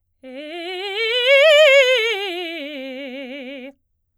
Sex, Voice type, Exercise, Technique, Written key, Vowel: female, soprano, scales, fast/articulated forte, C major, e